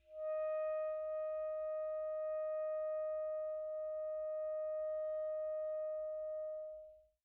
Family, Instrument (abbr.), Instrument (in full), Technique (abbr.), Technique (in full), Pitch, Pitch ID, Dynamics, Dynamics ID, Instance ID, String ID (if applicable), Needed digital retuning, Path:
Winds, ASax, Alto Saxophone, ord, ordinario, D#5, 75, pp, 0, 0, , FALSE, Winds/Sax_Alto/ordinario/ASax-ord-D#5-pp-N-N.wav